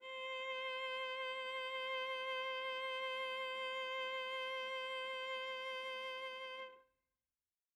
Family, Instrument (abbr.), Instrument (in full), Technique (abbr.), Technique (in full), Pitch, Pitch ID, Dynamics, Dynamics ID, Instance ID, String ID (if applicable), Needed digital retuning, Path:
Strings, Va, Viola, ord, ordinario, C5, 72, mf, 2, 1, 2, FALSE, Strings/Viola/ordinario/Va-ord-C5-mf-2c-N.wav